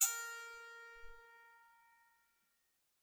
<region> pitch_keycenter=70 lokey=67 hikey=71 volume=14.249479 offset=121 ampeg_attack=0.004000 ampeg_release=15.000000 sample=Chordophones/Zithers/Psaltery, Bowed and Plucked/Spiccato/BowedPsaltery_A#3_Main_Spic_rr1.wav